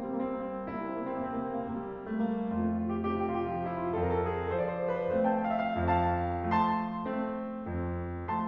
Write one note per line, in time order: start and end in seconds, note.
0.00 0.68 G3
0.00 0.29 A#3
0.12 0.42 C4
0.30 0.68 A#3
0.43 0.91 C4
0.68 1.31 C2
0.68 1.06 A#3
0.68 2.45 E4
0.93 1.20 C4
1.07 1.31 A#3
1.20 1.47 C4
1.32 1.89 C3
1.32 1.60 A#3
1.49 1.75 C4
1.63 1.89 A#3
1.76 2.07 C4
1.90 2.45 G3
1.90 2.21 A#3
2.08 2.32 C4
2.22 2.45 A#3
2.32 2.64 C4
2.46 3.00 F2
2.46 3.91 A3
2.46 2.76 F4
2.66 2.87 G4
2.76 3.00 F4
2.88 3.10 G4
3.01 3.46 C3
3.01 3.20 F4
3.11 3.36 G4
3.22 3.46 F4
3.37 3.58 G4
3.47 3.91 F3
3.47 3.70 F4
3.59 3.80 G4
3.72 3.91 F4
3.81 4.16 G4
3.92 4.52 F2
3.92 4.52 F4
3.92 4.16 A4
4.03 4.21 B4
4.16 4.28 A4
4.23 4.34 B4
4.30 4.40 A4
4.35 4.46 B4
4.41 4.52 G#4
4.52 5.17 F3
4.52 5.17 A3
4.52 4.57 A4
4.52 4.66 C5
4.61 4.71 D5
4.67 4.77 C5
4.73 4.83 D5
4.78 4.89 C5
4.83 4.95 D5
4.90 5.17 B4
5.18 5.76 A3
5.18 5.76 C4
5.18 5.31 C5
5.18 5.39 F5
5.33 5.49 G5
5.41 5.53 F5
5.49 5.58 G5
5.54 5.64 F5
5.60 5.69 G5
5.65 5.76 E5
5.76 6.51 F2
5.76 5.83 F5
5.76 6.51 A5
6.52 7.05 F3
6.52 7.05 A3
6.52 8.46 A5
6.52 8.46 C6
7.05 7.66 A3
7.05 7.66 C4
7.69 8.46 F2